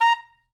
<region> pitch_keycenter=82 lokey=81 hikey=84 tune=5 volume=7.893575 lovel=84 hivel=127 ampeg_attack=0.004000 ampeg_release=2.500000 sample=Aerophones/Reed Aerophones/Saxello/Staccato/Saxello_Stcts_MainSpirit_A#4_vl2_rr5.wav